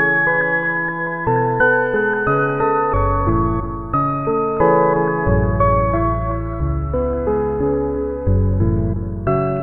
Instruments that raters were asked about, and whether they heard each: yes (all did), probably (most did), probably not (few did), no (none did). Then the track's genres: piano: yes
mallet percussion: probably not
voice: no
Electronic; Experimental; Ambient